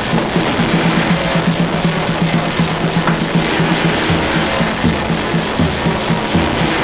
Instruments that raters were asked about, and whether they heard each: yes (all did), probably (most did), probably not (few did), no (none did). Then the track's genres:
drums: yes
Avant-Garde; Noise-Rock